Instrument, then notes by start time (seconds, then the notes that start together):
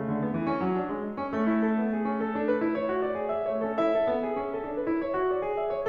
piano
0.01 A3
0.11 D3
0.23 B3
0.35 E3
0.53 C#4
0.63 F#3
0.76 D4
1.07 G#3
1.21 E4
1.36 A3 C#4
1.48 A3 C#4
1.57 E4
1.67 A4
1.82 B3
1.96 G#4
2.14 C#4
2.26 A4
2.36 D4
2.48 B4
2.59 E4
2.77 C#5
2.97 F#4
3.08 D5
3.19 G#4
3.31 E5
3.52 A3 C#5
3.70 C#4 A4
3.83 E4 E5
3.98 A4
4.08 B3
4.26 G#4
4.37 C#4
4.52 A4
4.70 D4
4.84 B4
4.94 E4
5.10 C#5
5.18 F#4
5.30 D5
5.40 G#4
5.61 E5
5.76 C#5